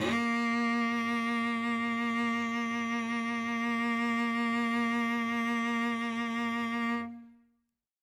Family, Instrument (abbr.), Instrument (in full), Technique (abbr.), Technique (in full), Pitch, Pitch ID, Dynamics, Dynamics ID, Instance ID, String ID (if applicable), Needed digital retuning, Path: Strings, Vc, Cello, ord, ordinario, A#3, 58, ff, 4, 1, 2, TRUE, Strings/Violoncello/ordinario/Vc-ord-A#3-ff-2c-T12u.wav